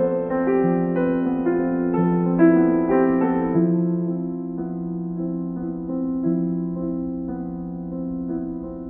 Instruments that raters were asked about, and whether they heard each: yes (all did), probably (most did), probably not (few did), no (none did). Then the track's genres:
drums: no
piano: yes
banjo: no
trombone: no
Soundtrack